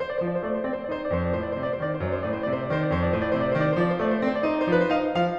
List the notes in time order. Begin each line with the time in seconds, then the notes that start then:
0.00 C5
0.06 D5
0.10 C5
0.15 D5
0.23 F3 C5
0.29 D5
0.34 C5
0.39 D5
0.44 A3 C5
0.50 D5
0.55 C5 D5
0.63 C4 C5
0.67 D5
0.75 C5
0.81 D5
0.86 D#4 C5
0.91 D5
0.96 C5
1.01 D5
1.10 F2 C5
1.15 D5
1.21 C5
1.31 D5
1.39 A2 C5
1.49 D5
1.53 C5
1.59 D5
1.65 C3 C5 D5
1.74 C5
1.80 D#3 C5 D5
1.88 D5
1.93 C5
2.00 D5
2.07 F#2 C5
2.15 D5
2.22 C5
2.26 D5
2.32 A2 C5
2.38 D5
2.43 C5
2.48 D5
2.53 C3 C5
2.59 D5
2.65 C5
2.69 D#3 C5 D5
2.77 D5
2.82 C5
2.90 D5
2.95 F2 C5
3.01 D5
3.07 C5
3.11 D5
3.17 A2 C5
3.22 D5
3.26 C5
3.32 D5
3.37 C3 C5
3.45 D5
3.49 C5
3.54 D5
3.60 D#3 C5
3.65 D5
3.69 C5
3.74 D5
3.78 F3 C5
3.85 D5
3.90 C5
3.96 D5
4.02 A3 C5
4.06 D5
4.12 C5
4.18 D5
4.23 C4 C5
4.27 D5
4.32 C5 D5
4.41 D#4 C5 D5
4.52 C5
4.56 D5
4.63 F3 C5
4.71 D5
4.76 B4
4.82 C5
4.86 D#4 F5
5.10 F3 F5